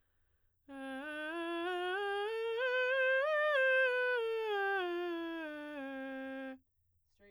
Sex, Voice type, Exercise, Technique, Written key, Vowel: female, soprano, scales, straight tone, , e